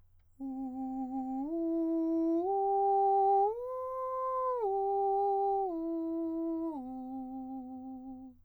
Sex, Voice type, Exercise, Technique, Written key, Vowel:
male, countertenor, arpeggios, straight tone, , u